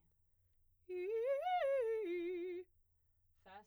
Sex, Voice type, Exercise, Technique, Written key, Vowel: female, soprano, arpeggios, fast/articulated piano, F major, i